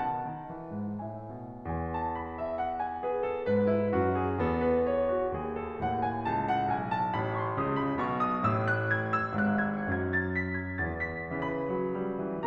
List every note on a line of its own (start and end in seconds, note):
0.01 0.26 B2
0.01 1.03 F#5
0.01 1.03 A5
0.27 0.49 D#3
0.51 0.73 E3
0.74 1.03 G#2
1.04 1.33 A2
1.04 1.65 E5
1.04 1.65 G#5
1.34 1.65 B2
1.67 3.44 E2
1.67 1.91 G#5
1.92 2.17 A5
2.20 2.39 B5
2.40 2.58 E5
2.59 2.80 F#5
2.82 3.02 G#5
3.04 3.23 G#4
3.04 3.44 B4
3.24 3.44 A4
3.45 3.93 G#2
3.45 3.69 B4
3.71 3.93 E4
3.94 4.36 F#2
3.94 4.14 F#4
4.15 4.36 G#4
4.37 5.36 E2
4.37 5.36 B3
4.37 4.58 A4
4.59 4.89 B4
4.91 5.10 C#5
5.11 5.36 F#4
5.37 5.80 D#2
5.37 5.58 G#4
5.63 5.80 A4
5.82 6.23 D#2
5.82 7.56 A2
5.82 6.02 F#5
6.03 6.23 G#5
6.24 6.68 C#2
6.24 6.43 A5
6.46 6.68 F#5
6.69 7.16 B1
6.69 6.91 G#5
6.93 7.16 A5
7.17 7.56 A1
7.17 7.37 B5
7.38 7.56 C#6
7.58 7.98 C#2
7.58 7.98 C#3
7.58 7.76 D#6
7.77 7.98 B5
7.99 8.45 B1
7.99 8.45 B2
7.99 8.25 C#6
8.26 8.45 D#6
8.46 9.34 A1
8.46 9.34 A2
8.46 8.64 E6
8.66 8.89 F#6
8.91 9.12 G#6
9.13 9.34 E6
9.35 9.97 G#1
9.35 9.97 G#2
9.35 9.65 F#6
9.67 9.97 G#6
9.98 11.01 F#2
9.98 11.01 F#3
9.98 10.40 G#5
10.41 10.59 A5
10.61 10.81 B5
10.83 11.01 G#5
11.02 11.43 E2
11.02 11.43 E3
11.02 11.21 A5
11.22 11.43 B5
11.46 12.46 C#3
11.46 11.69 E3
11.46 12.46 B4
11.46 12.46 B5
11.70 11.93 F#3
11.94 12.18 G3
12.18 12.46 E3